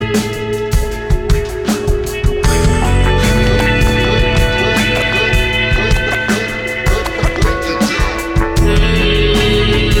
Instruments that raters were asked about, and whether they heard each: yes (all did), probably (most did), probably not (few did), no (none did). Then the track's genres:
cymbals: yes
Experimental; Ambient; Space-Rock